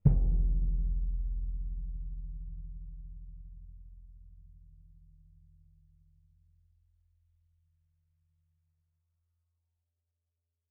<region> pitch_keycenter=62 lokey=62 hikey=62 volume=13.218842 offset=2180 lovel=73 hivel=93 seq_position=1 seq_length=2 ampeg_attack=0.004000 ampeg_release=30 sample=Membranophones/Struck Membranophones/Bass Drum 2/bassdrum_hit_mf1.wav